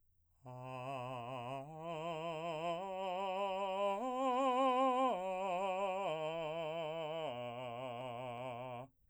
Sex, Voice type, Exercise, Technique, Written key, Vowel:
male, , arpeggios, slow/legato piano, C major, a